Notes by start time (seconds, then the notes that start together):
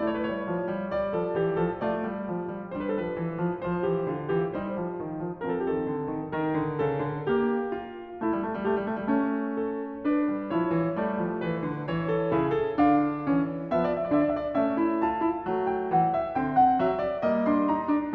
0.00 A3 E4 C#5
0.26 G3
0.46 F3
0.65 D5
0.73 G3 C#5
0.80 B4
0.87 C#5
0.94 G3 D5
1.16 F3 A4
1.35 E3 G4
1.56 F3 A4
1.82 A3 F4 D5
2.05 G3
2.31 F3
2.53 G3
2.72 D4 B4
2.79 G3
2.97 F3
3.19 E3
3.34 C5
3.40 F3 B4
3.48 A4
3.58 B4
3.63 F3 C5
3.83 E3 G4
4.03 D3 F4
4.26 E3 G4
4.49 G3 D#4 C5
4.75 F3
4.97 D#3
5.22 F3
5.43 C4 A4
5.48 F3
5.70 D#3
5.89 D3
6.04 A#4
6.13 D#3 A4
6.21 G4
6.26 A4
6.33 D#3 A#4
6.63 D3
6.79 C#3 A4
7.04 D3
7.23 G4
7.34 A#3
7.74 F4
8.19 E4
8.24 G3
8.31 A3
8.41 G3
8.49 A3
8.58 G3
8.63 A3 G4
8.73 G3
8.85 A3
8.95 G3
9.04 A3
9.11 G3 C#4
9.20 A3
9.59 A4
10.08 D4
10.12 B4
10.37 G3
10.52 E4 C#5
10.58 F3
10.76 E3
10.92 A3
11.01 G3 D5
11.22 F3
11.41 E3 B4
11.62 D3
11.85 E3 C#5
12.12 A4
12.32 E4 G#4
12.38 C#3
12.54 A4
12.74 D4 F5
12.79 D3
13.26 C#4
13.37 E3
13.71 B3 D5
13.77 F3
13.82 E5
13.86 D5
13.93 E5
14.02 D5
14.09 D4 E5
14.16 D3 D5
14.26 E5
14.34 D5
14.42 E5
14.49 C#4 D5
14.56 A3 E5
14.77 E4
14.98 F4 A5
15.19 E4
15.39 A3
15.48 F#3
15.67 G5
15.92 E3 F#5
16.13 E5
16.28 C4 G5
16.35 D3
16.53 F#5
16.76 F#3 E5
16.99 D5
17.16 A#3 D#5
17.22 G3
17.44 D4
17.48 C6
17.68 D#4 A#5
17.86 D4
18.09 B3